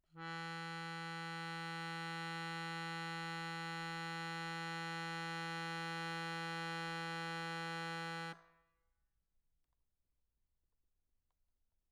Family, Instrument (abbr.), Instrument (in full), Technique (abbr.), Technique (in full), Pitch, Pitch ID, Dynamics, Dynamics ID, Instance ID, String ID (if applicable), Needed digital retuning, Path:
Keyboards, Acc, Accordion, ord, ordinario, E3, 52, mf, 2, 1, , FALSE, Keyboards/Accordion/ordinario/Acc-ord-E3-mf-alt1-N.wav